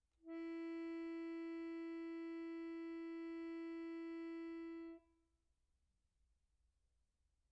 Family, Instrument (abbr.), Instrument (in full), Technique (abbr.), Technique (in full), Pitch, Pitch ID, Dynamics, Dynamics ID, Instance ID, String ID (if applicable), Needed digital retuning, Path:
Keyboards, Acc, Accordion, ord, ordinario, E4, 64, pp, 0, 0, , FALSE, Keyboards/Accordion/ordinario/Acc-ord-E4-pp-N-N.wav